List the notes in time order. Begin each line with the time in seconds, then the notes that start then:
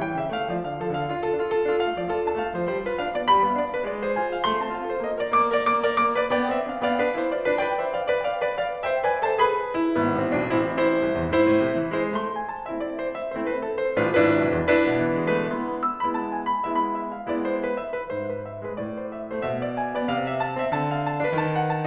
0.01 E3 G5
0.18 C#3 E5
0.27 A3 F5
0.47 F3 D5
0.57 D3 F5
0.78 F3 A4
0.88 D3 F5
1.04 D4 F4
1.18 F4 A4
1.36 D4 F4
1.47 F4 A4
1.69 D4 F4
1.79 A3 F5
1.99 F3 D5
2.08 F4 A4
2.27 D4 A5
2.36 A3 F5
2.56 F3 D5
2.69 G3 C5
2.85 F4 B4
2.93 D4 F5
3.14 B3 D5
3.26 G3 B5
3.44 B3 F5
3.54 D4 D5
3.73 F4 B4
3.83 G#3 D5
4.02 G#4 C5
4.12 F4 G#5
4.34 C4 F5
4.44 A3 C6
4.66 C4 A5
4.75 F4 F5
4.91 A4 C5
5.06 A#3 D#5
5.25 A#4 D5
5.35 A#3 D6
5.64 A#4 D5
5.75 A#3 D6
5.95 A#4 D5
6.08 B3 D6
6.29 B4 D5 G5
6.37 B3 C5 G5
6.54 C4 E5
6.66 D4 F5
6.87 B3 D5 F5 G5
6.98 D4 B4
7.18 E4 C5
7.30 F4 D5
7.51 E4 C5 G5
7.60 B4 D5
7.81 C5 E5
7.91 D5 F5
8.13 C5 E5 G5
8.23 D5 F5
8.42 B4 D5
8.63 D5 F5
8.86 C5 E5 G5
8.98 B4 D5 G#5
9.24 A4 C5 A5
9.40 G#4 B4 B5
9.76 E4
9.86 G#1 B3
10.23 A1 C4
10.33 B1 D4
10.55 A1 C4 E4
10.75 E4 C5
11.02 C2
11.13 E2
11.31 G#2 E4 C5
11.43 A2
11.67 C3
11.79 E3
12.00 G#3 E4 C5
12.14 A3 C6
12.36 G#5
12.47 A5
12.68 A3 C4 E4 E5
12.78 D5
12.99 C5
13.10 E5
13.25 A3 C4 E4 C5
13.32 B4
13.48 A4
13.54 C5
13.66 A3 C4 E4 A4
13.75 B4
13.89 A4
13.98 C5
14.14 A1 A2 D4 F4 B4
14.24 G1 D4 E4 B4
14.44 B1
14.54 E2
14.76 G#2 D4 E4 B4
14.89 B2
15.10 E3
15.20 G#3
15.41 A3 D4 E4 B4
15.54 G#3 B3 E4 C6
15.75 B5
15.84 E6
16.05 G#3 B3 E4 B5
16.17 A5
16.38 G#5
16.48 B5
16.68 G#3 B3 E4 E5
16.77 B5
16.98 E5
17.17 F5
17.36 G#3 B3 E4 D5
17.48 C5
17.66 B4
17.76 E5
17.99 G#3 B3 E4 B4
18.09 G#2 C5
18.38 B4
18.49 E5
18.64 G#3 B4
18.76 A2 D5
18.98 C5
19.07 E5
19.27 A3 C5
19.39 B2 E5
19.64 D5
19.75 G#5
19.94 B3 D5
20.07 C3 F5
20.30 E5
20.42 A5
20.60 C4 E5
20.73 D3 A5
20.93 F5
21.03 A5
21.25 D4 B4
21.37 D#3 A5
21.59 F#5
21.68 A5